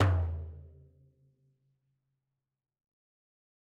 <region> pitch_keycenter=61 lokey=61 hikey=61 volume=14.272388 lovel=84 hivel=127 seq_position=1 seq_length=2 ampeg_attack=0.004000 ampeg_release=15.000000 sample=Membranophones/Struck Membranophones/Frame Drum/HDrumL_Hit_v3_rr1_Sum.wav